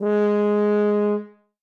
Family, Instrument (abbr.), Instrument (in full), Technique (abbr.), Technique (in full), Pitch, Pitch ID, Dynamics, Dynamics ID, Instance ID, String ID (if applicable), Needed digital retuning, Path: Brass, BTb, Bass Tuba, ord, ordinario, G#3, 56, ff, 4, 0, , FALSE, Brass/Bass_Tuba/ordinario/BTb-ord-G#3-ff-N-N.wav